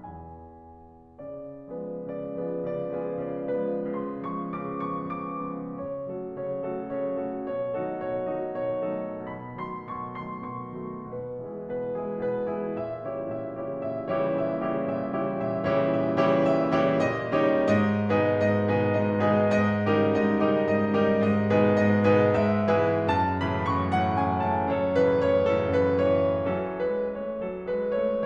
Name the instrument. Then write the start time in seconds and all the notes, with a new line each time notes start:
piano
0.00 E2 G#5
0.91 C#3 D5
1.74 F3 G#3 B3 F4 G#4 B4
2.05 C#3 D5
2.39 F3 G#3 B3 C#4 F4 G#4
2.58 C#3 D5
2.94 F3 G#3 B3 C#4 F4 G#4
3.18 C#3 D5
3.63 F3 G#3 B3 C#4 F4 G#4
3.91 C#3 C6
4.27 F3 G#3 B3 C#6
4.61 C#3 D6
4.90 F3 G#3 B3 C#6
5.13 C#3 D6
5.38 F3 G#3 B3
5.78 C#3 C#5
6.11 F#3 A3 F#4 A4
6.30 C#3 C#5
6.58 F#3 A3 F#4 A4
6.82 C#3 C#5
7.23 F#3 A3 F#4 A4
7.51 B2 C#5
7.79 D#3 F#3 A3 D#4 F#4 A4
8.05 B2 C#5
8.38 D#3 F#3 A3 D#4 F#4 A4
8.61 B2 C#5
8.92 D#3 F#3 A3 D#4 F#4 A4
9.30 B2 B5
9.59 D#3 F#3 A3 C6
9.94 B2 C#6
10.19 D#3 F#3 A3 C6
10.58 B2 C#6
10.89 D#3 F#3 A3
11.11 B2 B4
11.40 E3 G#3 E4 G#4
11.70 B2 B4
12.05 E3 G#3 E4 G#4
12.27 B2 B4
12.47 E3 G#3 E4 G#4
12.71 A#2 E5
13.06 C#3 E3 G3 E4 G4 C#5
13.33 A#2 E5
13.56 C#3 E3 G3 E4 G4 C#5
13.80 A#2 E5
14.15 C#3 E3 G3 E4 G4 C#5
14.41 A#2 E5
14.70 C#3 E3 G3 E4 G4 C#5
14.91 A#2 E5
15.22 C#3 E3 G3 E4 G4 C#5
15.45 A#2 E5
15.70 C#3 E3 G3 E4 G4 C#5
15.91 A#2 E5
16.18 C#3 E3 G3 E4 G4 C#5
16.45 A#2 E5
16.80 C#3 E3 G3 E4 G4 C#5
17.06 A#2 D#5
17.30 C#3 D#3 G3 D#4 G4 C#5
17.73 G#2 D#5
18.05 B2 D#3 G#3 D#4 G#4 B4
18.34 G#2 D#5
18.59 B2 D#3 G#3 D#4 G#4 B4
18.82 G#2 D#5
19.09 B2 D#3 G#3 D#4 G#4 B4
19.38 G#2 D#5
19.96 C#3 D#3 G3 D#4 G4 A#4
20.22 G#2 D#5
20.50 C#3 D#3 G3 D#4 G4 A#4
20.74 G#2 D#5
20.97 C#3 D#3 G3 D#4 G4 A#4
21.20 G#2 D#5
21.52 B2 D#3 G#3 D#4 G#4 B4
21.78 G#2 D#5
22.09 B2 D#3 G#3 D#4 G#4 B4
22.36 G#2 E5
22.76 B2 E3 G#3 E4 G#4 B4
23.13 F#2 A5
23.44 A2 C#3 E3 B5
23.68 F#2 C#6
23.92 A2 C#3 E3 F#5
24.18 F#2 G#5
24.49 A2 C#3 E3 A5
24.75 F#2 A4 C#5
24.98 A2 C#3 E3 B4
25.24 F#2 C#5
25.52 A2 C#3 E3 A4
25.79 F#2 B4
25.99 A2 C#3 E3 C#5
26.45 E3 F#3 C#4 A4
26.90 G#3 B4
27.16 A3 C#5
27.38 F#3 A4
27.65 G#3 B4
27.91 A3 C#5